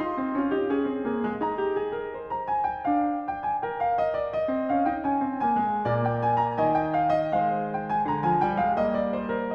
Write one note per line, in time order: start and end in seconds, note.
0.00 0.30 D#4
0.00 1.43 C6
0.16 0.29 C4
0.29 0.49 C#4
0.29 0.50 F4
0.49 0.64 D#4
0.49 0.64 G4
0.64 0.82 C#4
0.64 1.01 G#4
0.82 1.00 C4
1.00 1.22 A#3
1.00 1.64 G#4
1.22 1.42 G#3
1.42 2.84 D#4
1.42 2.28 A#5
1.64 1.75 G4
1.75 1.90 G#4
1.90 2.10 A#4
2.10 3.65 C5
2.32 2.52 A#5
2.52 2.69 G#5
2.69 2.87 G5
2.84 4.32 D4
2.84 3.20 F5
3.20 3.39 G5
3.39 3.65 G#5
3.65 4.34 A#4
3.65 3.81 G5
3.81 3.98 F5
3.98 4.16 D#5
4.16 4.34 D5
4.34 5.86 D#5
4.54 4.69 C4
4.69 4.88 C#4
4.69 4.91 F5
4.88 5.06 D#4
4.88 5.09 G5
5.06 5.27 C#4
5.06 5.49 G#5
5.27 5.47 C4
5.47 5.63 A#3
5.47 6.05 G#5
5.63 5.85 G#3
5.85 6.55 A#2
5.85 7.38 A#3
5.85 6.57 D5
6.05 6.23 G5
6.23 6.39 G#5
6.39 6.57 A#5
6.55 8.10 D#3
6.55 6.79 G#5
6.79 6.94 G5
6.94 7.16 F5
7.16 7.40 D#5
7.38 8.10 G#3
7.38 8.12 C5
7.38 7.76 F5
7.76 7.92 G5
7.92 8.12 G#5
8.10 8.79 D3
8.10 8.30 A#5
8.29 8.46 F3
8.29 8.48 G#5
8.46 8.63 G3
8.46 8.65 G5
8.63 8.79 G#3
8.63 8.81 F5
8.79 9.53 A#3
8.79 9.00 D#5
9.00 9.18 D5
9.18 9.37 C5
9.37 9.54 A#4